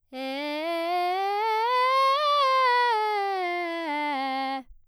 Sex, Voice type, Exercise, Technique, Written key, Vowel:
female, soprano, scales, straight tone, , e